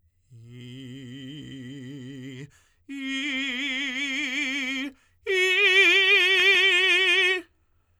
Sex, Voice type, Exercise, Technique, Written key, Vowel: male, tenor, long tones, trill (upper semitone), , i